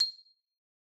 <region> pitch_keycenter=96 lokey=94 hikey=97 volume=11.737296 lovel=0 hivel=83 ampeg_attack=0.004000 ampeg_release=15.000000 sample=Idiophones/Struck Idiophones/Xylophone/Hard Mallets/Xylo_Hard_C7_pp_01_far.wav